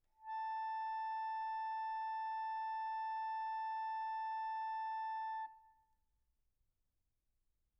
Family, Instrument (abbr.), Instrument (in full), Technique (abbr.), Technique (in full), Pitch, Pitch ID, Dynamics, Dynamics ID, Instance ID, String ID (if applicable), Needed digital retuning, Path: Keyboards, Acc, Accordion, ord, ordinario, A5, 81, pp, 0, 2, , FALSE, Keyboards/Accordion/ordinario/Acc-ord-A5-pp-alt2-N.wav